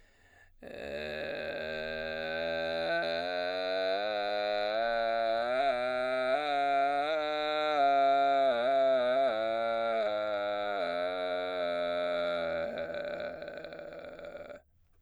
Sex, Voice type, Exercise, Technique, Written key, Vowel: male, baritone, scales, vocal fry, , e